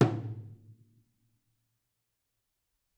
<region> pitch_keycenter=64 lokey=64 hikey=64 volume=11.215968 offset=241 lovel=100 hivel=127 seq_position=2 seq_length=2 ampeg_attack=0.004000 ampeg_release=30.000000 sample=Membranophones/Struck Membranophones/Tom 1/Stick/TomH_HitS_v4_rr1_Mid.wav